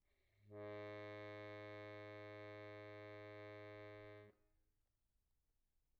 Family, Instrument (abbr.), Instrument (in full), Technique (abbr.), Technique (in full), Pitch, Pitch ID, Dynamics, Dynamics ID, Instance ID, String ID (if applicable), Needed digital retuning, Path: Keyboards, Acc, Accordion, ord, ordinario, G#2, 44, pp, 0, 1, , FALSE, Keyboards/Accordion/ordinario/Acc-ord-G#2-pp-alt1-N.wav